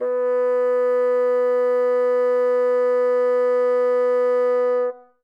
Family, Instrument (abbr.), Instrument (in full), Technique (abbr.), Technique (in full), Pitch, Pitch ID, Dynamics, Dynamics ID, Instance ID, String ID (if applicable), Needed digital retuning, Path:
Winds, Bn, Bassoon, ord, ordinario, B3, 59, ff, 4, 0, , FALSE, Winds/Bassoon/ordinario/Bn-ord-B3-ff-N-N.wav